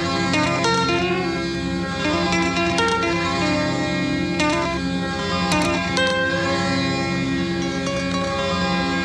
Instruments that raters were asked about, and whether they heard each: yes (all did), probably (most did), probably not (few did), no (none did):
mandolin: yes